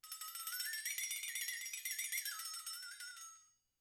<region> pitch_keycenter=66 lokey=66 hikey=66 volume=20.000000 offset=1437 ampeg_attack=0.004000 ampeg_release=1.000000 sample=Idiophones/Struck Idiophones/Flexatone/flexatone1.wav